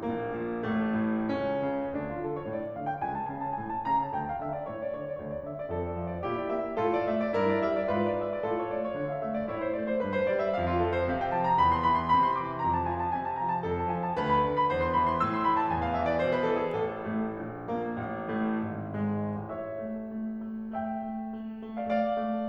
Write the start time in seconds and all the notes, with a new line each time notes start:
0.00 A#1 A#3
0.28 A#2
0.62 A1 A3
0.95 A2
1.32 C#2 C#4
1.59 C#3
1.88 D2 D4
2.04 F4
2.21 D3 A4
2.32 C#5
2.45 A2 D5
2.62 E5
2.76 D3 F5
2.87 G5
3.02 C#2 G#5
3.18 A5
3.29 C#3 G#5
3.42 A5
3.61 A2 G#5
3.75 A5
3.85 C#3 A#5
3.97 A5
4.13 D2 G5
4.24 F5
4.40 D3 E5
4.53 D5
4.67 A2 C#5
4.77 D5
4.92 D3 C#5
5.06 D5
5.17 D2 C#5
5.26 D5
5.41 D3 E5
5.55 D5
5.71 F2 A4
5.86 D5
5.99 F3 E5
6.13 D5
6.25 A#2 E4 G4
6.37 D5
6.50 A#3 E5
6.64 D5
6.79 A2 F4 A4
6.97 D5
7.06 A3 E5
7.21 D5
7.35 G2 E4 A#4
7.47 D5
7.60 G3 E5
7.76 D5
7.88 G#2 F4 B4
8.03 D5
8.22 G#3 E5
8.37 D5
8.45 A2 F4 A4
8.56 C#5
8.73 A3 D5
8.90 C#5
9.01 D3 D5
9.07 F5
9.20 A3 E5
9.35 D5
9.51 A2 E4 C#5
9.65 C5
9.73 A3 D5
9.85 C5
10.00 G2 B4
10.12 C5
10.25 G3 D5
10.38 E5
10.53 F2 F5
10.68 F4
10.82 F3 A4
10.95 C5
11.05 C3 F5
11.20 G5
11.33 F3 A5
11.45 A#5
11.61 E2 B5
11.76 C6
11.90 E3 B5
12.03 C6
12.17 C3 B5
12.33 C6
12.42 E3 D6
12.55 C6
12.67 F2 A#5
12.75 A5
12.91 F3 G#5
13.06 A5
13.21 C3 G#5
13.32 A5
13.40 F3 A#5
13.54 A5
13.65 F2 A4
13.79 A5
13.93 F3 G#5
14.01 A5
14.15 D2 B4
14.29 B5
14.41 D3 A5
14.54 B5
14.70 E2 C5
14.87 C6
15.03 E3 B5
15.13 C6
15.23 A2 E6
15.36 C6
15.46 E3 B5
15.59 A5
15.73 E2 G#5
15.87 F5
16.01 E3 E5
16.13 D5
16.27 B2 C5
16.38 B4
16.46 E3 A4
16.59 G#4
16.73 A1 A4
17.03 A2 A3
17.36 A#1
17.67 A#2 A#3
17.93 A1
18.32 A2 A3
18.68 G#1
19.02 G#2 G#3
19.41 A1 A2 C#5 E5
19.74 A3
20.09 A3
20.45 A3
20.77 A3 E5 G5
21.06 A3
21.39 A3
21.66 A3
21.77 D5 F5
21.97 A3 D5 F5
22.29 A3